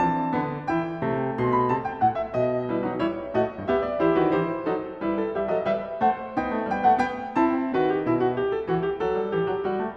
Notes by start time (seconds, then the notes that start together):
0.00 E3 C4 A5
0.35 D3 B3
0.70 E3 E4 G5
1.08 C3 A3
1.38 B2 C6
1.58 B5
1.71 C3 A5
1.87 G5
2.02 A2 F#5
2.18 E5
2.33 B2 D#5
2.67 G3 E4 B4
2.83 F#3 D#4
3.00 G3 E4 C#5
3.33 A2 A3 F#4 D#5
3.69 G2 B3 G4 E5
3.88 D5
4.02 E3 E4 G4 C5
4.16 D#3 F#4 B4
4.31 E3 G4 C5
4.67 F#3 D#4 A4
5.02 G3 E4 B4
5.15 A4
5.31 G3 G4 E5
5.47 F#3 A4 D#5
5.63 G3 B4 E5
5.99 A3 C5 F#5
6.34 B3 D#4 G5
6.49 A3
6.68 G3 B3 G5
6.83 A3 F#5
6.97 B3 G5
7.33 C4 E4 A5
7.73 D#3 F#4 B4
7.89 G4
8.07 B2 E4
8.28 F#4
8.42 G4
8.56 A4
8.71 E3 F#4
8.86 G4
9.01 F#3 A4
9.17 G3
9.33 E3 G4
9.50 F#3
9.66 G3 F#4
9.81 A3